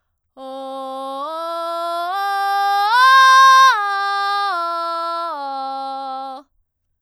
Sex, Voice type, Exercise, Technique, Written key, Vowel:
female, soprano, arpeggios, belt, , o